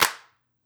<region> pitch_keycenter=60 lokey=60 hikey=60 volume=0.841848 seq_position=1 seq_length=6 ampeg_attack=0.004000 ampeg_release=2.000000 sample=Idiophones/Struck Idiophones/Claps/Clap_rr5.wav